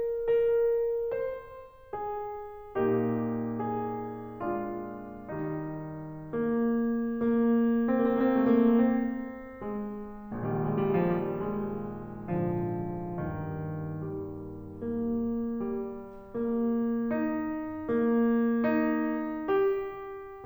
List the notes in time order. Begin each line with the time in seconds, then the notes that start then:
0.00 A#4
1.16 C5
1.93 G#4
2.75 A#2 A#3 D#4 G4
3.60 G#4
4.44 G#3 D4 F4
5.41 D#3 G3 D#4
6.29 A#3
6.87 A#3
7.79 A#3
7.91 C4
8.06 A#3
8.12 C4
8.21 A#3
8.37 C4
8.50 A3
8.56 A#3
8.65 C4
9.64 G#3
10.34 A#1 A#2 D#3 G3
10.55 G#3
10.66 G3
10.74 G#3
10.81 G3
10.92 G#3
11.01 F3
11.12 G3
11.23 G#3
12.26 G#2 D3 F3
13.10 D#2 G2 D#3
14.04 G3
14.84 A#3
15.60 G3
16.40 A#3
17.09 D#4
17.90 A#3
18.65 D#4
19.50 G4